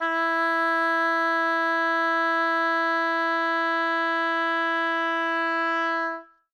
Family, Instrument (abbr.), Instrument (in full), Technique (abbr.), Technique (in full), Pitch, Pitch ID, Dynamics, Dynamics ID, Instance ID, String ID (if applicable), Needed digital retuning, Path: Winds, Ob, Oboe, ord, ordinario, E4, 64, ff, 4, 0, , FALSE, Winds/Oboe/ordinario/Ob-ord-E4-ff-N-N.wav